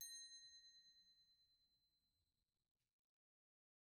<region> pitch_keycenter=94 lokey=94 hikey=100 volume=24.558300 offset=227 ampeg_attack=0.004000 ampeg_release=15.000000 sample=Idiophones/Struck Idiophones/Bell Tree/Individual/BellTree_Hit_A#5_rr1_Mid.wav